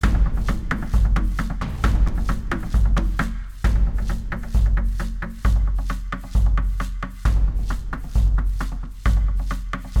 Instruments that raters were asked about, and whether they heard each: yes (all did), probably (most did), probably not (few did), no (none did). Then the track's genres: drums: yes
International